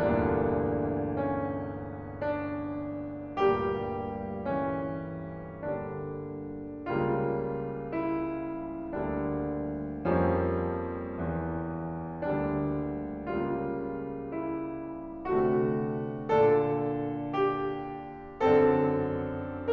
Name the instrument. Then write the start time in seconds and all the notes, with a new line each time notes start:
piano
0.01 D2 E2 G2 A#2 D3 E3 G3 A#3 D4
1.13 C#4
2.29 D4
3.47 D2 G2 A#2 D3 G3 A#3 G4
4.44 E3 C#4
5.68 D3 G3 A#3 D4
7.15 C#2 C#3 G3 A#3 F4
7.92 E4
9.10 D2 D3 G3 A#3 D4
10.16 F2 F3 G3 A#3 C#4
11.21 E2 E3
12.28 D2 D3 G3 A#3 D4
13.36 C#2 C#3 G3 A#3 F4
14.31 E4
15.26 C3 D3 A3 D4 F#4
16.22 A#2 D3 D4 A4
17.39 G4
18.41 F#2 D3 F#3 C4 D4 A4